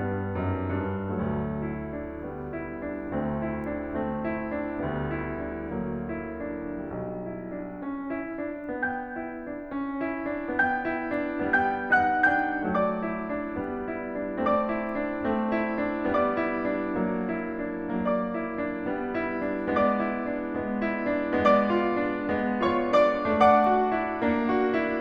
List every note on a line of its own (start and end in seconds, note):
0.01 0.35 G2
0.01 1.13 G3
0.01 0.35 B3
0.37 0.73 F#2
0.37 0.73 D#4
0.74 1.13 G2
0.74 1.13 D4
1.18 3.11 D2
1.18 2.29 F#3
1.18 1.78 A3
1.79 2.03 E4
2.05 2.29 D4
2.30 3.11 G3
2.30 2.56 B3
2.58 2.85 E4
2.86 3.11 D4
3.13 4.79 D2
3.13 3.99 A3
3.13 3.44 C4
3.47 3.71 E4
3.73 3.99 D4
4.00 4.79 A3
4.00 4.26 C4
4.28 4.58 E4
4.59 4.79 D4
4.80 6.90 D2
4.80 5.73 G3
4.80 5.10 B3
5.18 5.44 E4
5.45 5.73 D4
5.75 6.90 F#3
5.75 6.08 A#3
6.12 6.50 E4
6.52 6.90 D4
6.93 7.83 B1
6.93 11.51 G3
6.93 7.22 B3
7.23 7.54 E4
7.55 7.83 D4
7.85 8.12 C#4
8.13 8.38 E4
8.40 8.69 D4
8.70 9.19 B3
8.70 10.57 G5
8.70 10.57 G6
9.21 9.53 E4
9.54 9.78 D4
9.79 10.01 C#4
10.03 10.32 E4
10.34 10.57 D4
10.58 10.92 B3
10.58 11.51 G5
10.58 11.51 G6
10.94 11.23 E4
11.24 11.51 D4
11.52 12.73 G3
11.52 11.98 B3
11.52 11.98 G5
11.52 11.98 G6
11.99 12.28 D#4
11.99 12.28 F#5
11.99 12.28 F#6
12.29 12.73 D4
12.29 12.73 G5
12.29 12.73 G6
12.75 13.60 F#3
12.75 13.04 A3
12.75 14.40 D5
12.75 14.40 D6
13.06 13.31 E4
13.33 13.60 D4
13.61 14.40 G3
13.61 13.89 B3
13.91 14.16 E4
14.18 14.40 D4
14.43 15.38 A3
14.43 14.74 C4
14.43 16.17 D5
14.43 16.17 D6
14.81 15.03 E4
15.08 15.38 D4
15.39 16.17 A3
15.39 15.68 C4
15.69 15.93 E4
15.95 16.17 D4
16.18 17.01 G3
16.18 16.45 B3
16.18 18.06 D5
16.18 18.06 D6
16.46 16.74 E4
16.75 17.01 D4
17.05 18.06 F#3
17.05 17.43 A#3
17.46 17.73 E4
17.77 18.06 D4
18.07 18.86 F#3
18.07 18.31 A#3
18.07 19.77 D5
18.07 19.77 D6
18.33 18.57 E4
18.58 18.86 D4
18.88 19.77 G3
18.88 19.17 B3
19.19 19.45 E4
19.50 19.77 D4
19.78 20.57 G#3
19.78 20.06 B3
19.78 21.39 D5
19.78 21.39 D6
20.07 20.32 E4
20.33 20.57 D4
20.58 21.39 G#3
20.58 20.86 B3
20.87 21.10 E4
21.11 21.39 D4
21.41 22.26 G#3
21.41 21.68 B3
21.41 22.58 D5
21.41 22.58 D6
21.69 21.98 F4
22.01 22.26 D4
22.27 23.38 G#3
22.27 22.58 B3
22.61 22.95 F4
22.61 22.95 C#5
22.61 22.95 C#6
23.05 23.38 D4
23.05 23.38 D5
23.05 23.38 D6
23.40 24.15 A3
23.40 23.64 D4
23.40 25.00 D5
23.40 25.00 F#5
23.40 25.00 D6
23.66 23.88 F#4
23.90 24.15 E4
24.17 25.00 A#3
24.17 24.46 D4
24.49 24.71 F#4
24.72 25.00 E4